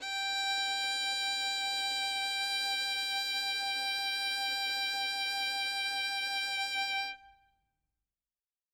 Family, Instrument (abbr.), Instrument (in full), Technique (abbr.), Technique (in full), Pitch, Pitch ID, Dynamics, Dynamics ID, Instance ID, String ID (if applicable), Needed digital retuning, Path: Strings, Vn, Violin, ord, ordinario, G5, 79, ff, 4, 1, 2, FALSE, Strings/Violin/ordinario/Vn-ord-G5-ff-2c-N.wav